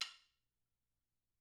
<region> pitch_keycenter=61 lokey=61 hikey=61 volume=10.000000 offset=176 ampeg_attack=0.004000 ampeg_release=30.000000 sample=Idiophones/Struck Idiophones/Woodblock/wood_click2_mp.wav